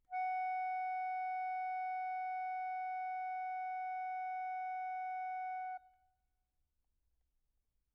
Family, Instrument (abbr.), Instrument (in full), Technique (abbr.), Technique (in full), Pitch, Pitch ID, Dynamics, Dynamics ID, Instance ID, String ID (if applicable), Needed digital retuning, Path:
Keyboards, Acc, Accordion, ord, ordinario, F#5, 78, pp, 0, 0, , FALSE, Keyboards/Accordion/ordinario/Acc-ord-F#5-pp-N-N.wav